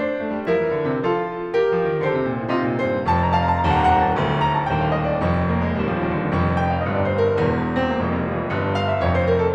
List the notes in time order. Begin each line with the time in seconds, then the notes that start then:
0.01 D4 C5
0.22 A3
0.35 G3
0.46 F3 E4 A#4
0.57 E3
0.70 D3
0.86 C3
1.00 F3 F4 A4
1.53 G4 A#4
1.76 F3
1.90 E3
2.03 D3 A4 C5
2.14 C3
2.29 A#2
2.38 A2
2.50 C3 D#4 F4
2.66 A#2
2.75 A2 C5
2.87 G2
3.10 F1 F2 A5
3.18 A#5
3.26 A5
3.31 A#5
3.38 F5 A5
3.46 A#5
3.55 A5
3.62 A#5
3.67 D#1 D#2 A5
3.73 A#5
3.82 A5
3.87 A#5
3.92 F#5 A5
3.97 A#5
4.06 A5
4.11 A#5
4.16 D1 D2
4.45 A#5
4.55 A5
4.66 D#1 D#2 G5
4.77 F5
4.91 D#5
5.03 D5
5.20 F1 F2
5.56 A#3
5.75 G#3
5.89 D#1 D#2 G3
6.00 F3
6.11 D#3
6.21 D3
6.34 F1 F2
6.56 G5
6.71 F5
6.84 G1 G2 D#5
6.93 D5
7.02 C5
7.20 A#4
7.37 E1 E2
7.73 C4
8.02 A#3
8.13 F1 F2 G#3
8.22 G3
8.32 F3
8.42 E3
8.52 G1 G2
8.75 F5
8.90 E5
9.01 F1 F2 C#5
9.13 C5
9.29 A#4
9.38 A4